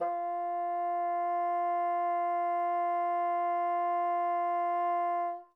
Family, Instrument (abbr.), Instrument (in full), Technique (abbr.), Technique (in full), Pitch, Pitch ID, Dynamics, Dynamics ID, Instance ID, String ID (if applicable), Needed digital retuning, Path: Winds, Bn, Bassoon, ord, ordinario, F4, 65, mf, 2, 0, , FALSE, Winds/Bassoon/ordinario/Bn-ord-F4-mf-N-N.wav